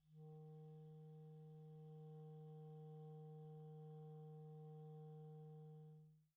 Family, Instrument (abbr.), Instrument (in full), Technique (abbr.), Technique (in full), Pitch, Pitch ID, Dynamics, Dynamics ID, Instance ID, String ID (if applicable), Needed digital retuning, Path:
Winds, ClBb, Clarinet in Bb, ord, ordinario, D#3, 51, pp, 0, 0, , FALSE, Winds/Clarinet_Bb/ordinario/ClBb-ord-D#3-pp-N-N.wav